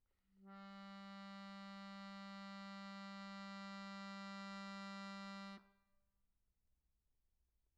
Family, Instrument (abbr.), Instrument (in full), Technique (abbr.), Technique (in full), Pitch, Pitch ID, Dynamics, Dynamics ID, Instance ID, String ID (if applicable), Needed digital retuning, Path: Keyboards, Acc, Accordion, ord, ordinario, G3, 55, pp, 0, 1, , FALSE, Keyboards/Accordion/ordinario/Acc-ord-G3-pp-alt1-N.wav